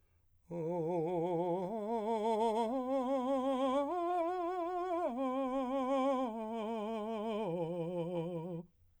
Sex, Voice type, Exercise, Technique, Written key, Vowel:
male, , arpeggios, slow/legato piano, F major, o